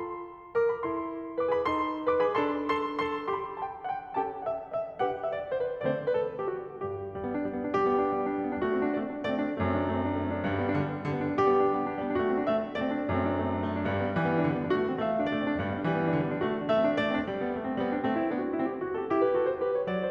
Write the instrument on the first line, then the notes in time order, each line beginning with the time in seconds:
piano
0.00 F4 A4 C6
0.56 A#4 D6
0.72 G#4 B5
0.88 E4 A4 C6
1.40 B4 D6
1.53 G#4 B5
1.64 D#4 A4 C6
2.08 B4 D6
2.22 G#4 B5
2.33 D4 A4 C6
2.71 A4 C6
3.00 A4 C6
3.30 G4 C6
3.34 B5
3.60 A5
3.66 G5
3.87 F#5
3.92 G5
4.10 C#4 G4 A4 A5
4.16 G5
4.39 F#5
4.47 E5
4.71 D#5
4.79 E5
5.00 D4 G4 B4 G5
5.06 F#5
5.26 E5
5.31 D5
5.54 C5
5.62 B4
5.81 D3 A3 C4 D5
5.87 C5
6.08 B4
6.16 A4
6.41 G4
6.49 F#4
6.79 G2 G4
7.15 G3
7.26 B3
7.36 D4
7.43 G3
7.51 B3
7.59 D4
7.73 G3 G4
7.91 B3
8.02 D4
8.14 G3
8.22 B3
8.30 D4
8.38 G3
8.44 B3
8.51 D4
8.59 A3 F#4
8.70 C4
8.78 D4
8.90 A3 D5
9.01 C4
9.11 D4
9.20 A3 D5
9.31 C4
9.46 D4
9.57 F#2 A3
9.68 C4
9.79 D4
9.87 A3
10.01 C4
10.10 D4
10.21 A3
10.29 C4
10.37 D4
10.47 G2 G3
10.55 B3
10.63 D4
10.73 D3 G3
10.80 B3
10.89 D4
11.01 D3 G3
11.12 B3
11.22 D4
11.34 G3 G4
11.45 B3
11.54 D4
11.61 G3
11.74 B3
11.83 D4
11.91 G3
12.00 B3
12.10 D4
12.18 A3 F#4
12.26 C4
12.38 D4
12.47 A3 E5
12.56 C4
12.67 D4
12.76 A3 D5
12.85 C4
12.99 D4
13.07 F#2 A3
13.15 C4
13.26 D4
13.36 A3
13.44 C4
13.55 D4
13.63 A3
13.71 C4
13.79 D4
13.87 G2 G3
13.94 B3
14.02 D4
14.14 E3 G3
14.22 B3
14.33 D4
14.42 D3 G3
14.49 B3
14.59 D4
14.70 A3 F#4
14.78 C4
14.90 D4
14.98 A3 E5
15.07 C4
15.16 D4
15.27 A3 D5
15.38 C4
15.48 D4
15.56 G2 G3
15.65 B3
15.80 D4
15.88 E3 G3
15.95 B3
16.06 D4
16.17 D3 G3
16.27 B3
16.35 D4
16.43 A3 F#4
16.51 C4
16.60 D4
16.70 A3 E5
16.81 C4
16.92 D4
17.00 A3 D5
17.09 C4
17.18 D4
17.25 G3
17.41 B3
17.53 A3
17.67 C4
17.81 G3 B3
17.93 D4
18.07 A3 C4
18.18 E4
18.30 B3 D4
18.44 F#4
18.55 C4 E4
18.69 G4
18.83 D4 F#4
18.94 A4
19.06 E4 G4
19.18 B4
19.32 F#4 A4
19.42 C5
19.55 G4 B4
19.71 C#5
19.89 F#3 D5
20.02 C5